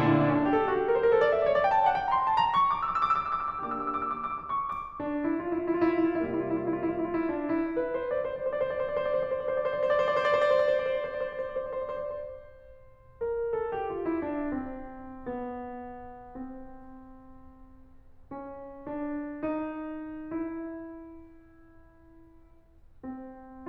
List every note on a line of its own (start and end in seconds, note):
0.00 0.86 A#2
0.00 0.86 D3
0.00 0.10 D4
0.08 0.19 E4
0.14 0.28 D4
0.22 0.43 C#4
0.35 0.53 D4
0.45 0.60 G4
0.55 0.65 A4
0.60 0.73 G4
0.67 0.81 F#4
0.78 0.94 G4
0.87 0.96 A#4
0.94 1.04 C5
1.01 1.10 A#4
1.07 1.17 A4
1.15 1.27 A#4
1.24 1.36 D5
1.34 1.43 E5
1.39 1.50 D5
1.45 1.59 C#5
1.56 1.73 D5
1.66 1.76 G5
1.73 1.85 A5
1.80 1.93 G5
1.88 2.02 F#5
1.99 2.15 G5
2.08 2.19 A#5
2.15 2.25 C6
2.22 2.32 A#5
2.28 2.44 A5
2.37 2.44 A#5
2.45 2.62 C#6
2.55 2.75 D6
2.67 2.86 E6
2.79 2.96 D6
2.88 3.17 E6
3.02 3.41 D6
3.26 3.59 E6
3.52 3.67 D6
3.61 4.30 A#3
3.61 4.30 D4
3.61 4.30 G4
3.61 3.73 E6
3.68 3.81 D6
3.76 3.90 E6
3.83 3.97 D6
3.92 4.05 E6
3.99 4.17 D6
4.09 4.27 E6
4.19 4.37 D6
4.30 4.46 E6
4.39 4.57 D6
4.48 4.66 E6
4.60 4.74 D6
4.68 4.82 E6
4.77 4.91 D6
4.85 5.03 C#6
4.93 5.04 D6
5.07 5.35 D4
5.26 5.57 E4
5.39 5.68 F4
5.58 5.80 E4
5.70 5.94 F4
5.86 6.01 E4
5.94 6.23 F4
6.04 6.30 E4
6.25 6.97 C3
6.25 6.97 G3
6.25 6.97 A#3
6.25 6.40 F4
6.33 6.47 E4
6.42 6.57 F4
6.49 6.65 E4
6.58 6.75 F4
6.66 6.83 E4
6.76 6.97 F4
6.85 7.06 E4
6.98 7.13 F4
7.06 7.20 E4
7.14 7.31 F4
7.22 7.40 E4
7.31 7.50 F4
7.41 7.60 E4
7.51 7.72 D4
7.64 7.72 E4
7.73 7.91 B4
7.87 8.05 C5
7.98 8.17 D5
8.10 8.32 C5
8.23 8.49 D5
8.37 8.66 C5
8.53 8.82 D5
8.71 8.95 C5
8.85 9.06 D5
8.97 9.20 C5
9.09 9.42 D5
9.26 9.62 C5
9.45 9.72 D5
9.65 9.87 C5
9.79 10.04 D5
9.95 10.18 C5
10.07 10.26 D5
10.21 10.41 C5
10.30 10.57 D5
10.46 10.66 C5
10.59 10.75 D5
10.68 10.83 C5
10.77 10.99 D5
10.87 11.03 C5
11.05 13.27 C5
13.28 13.44 A#4
13.47 13.64 A4
13.65 13.86 G4
13.87 14.05 F4
14.06 14.26 E4
14.26 14.51 D4
14.52 15.27 C4
15.27 16.29 B3
16.30 17.87 C4
17.88 18.80 C#4
18.80 19.44 D4
19.46 20.45 D#4
20.47 22.92 E4
22.93 23.68 C4